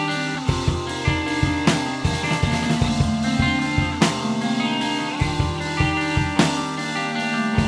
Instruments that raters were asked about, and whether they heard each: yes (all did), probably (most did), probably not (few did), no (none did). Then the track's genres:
cymbals: probably
Industrial; Garage; Shoegaze